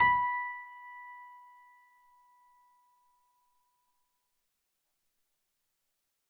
<region> pitch_keycenter=83 lokey=83 hikey=83 volume=2.312786 trigger=attack ampeg_attack=0.004000 ampeg_release=0.400000 amp_veltrack=0 sample=Chordophones/Zithers/Harpsichord, Unk/Sustains/Harpsi4_Sus_Main_B4_rr1.wav